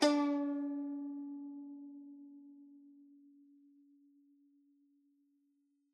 <region> pitch_keycenter=61 lokey=61 hikey=62 volume=7.866961 offset=20 lovel=66 hivel=99 ampeg_attack=0.004000 ampeg_release=0.300000 sample=Chordophones/Zithers/Dan Tranh/Normal/C#3_f_1.wav